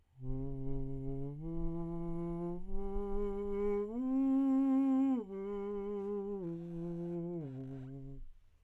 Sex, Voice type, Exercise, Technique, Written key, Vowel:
male, tenor, arpeggios, breathy, , u